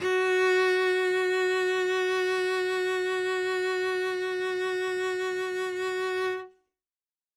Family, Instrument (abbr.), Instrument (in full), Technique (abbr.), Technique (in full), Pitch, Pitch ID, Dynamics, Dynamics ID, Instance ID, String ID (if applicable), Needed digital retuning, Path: Strings, Vc, Cello, ord, ordinario, F#4, 66, ff, 4, 0, 1, FALSE, Strings/Violoncello/ordinario/Vc-ord-F#4-ff-1c-N.wav